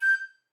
<region> pitch_keycenter=91 lokey=91 hikey=92 tune=-1 volume=11.348169 offset=131 ampeg_attack=0.005 ampeg_release=10.000000 sample=Aerophones/Edge-blown Aerophones/Baroque Soprano Recorder/Staccato/SopRecorder_Stac_G5_rr1_Main.wav